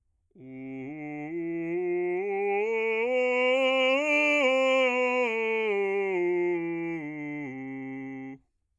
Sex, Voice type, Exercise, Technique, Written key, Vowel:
male, bass, scales, straight tone, , u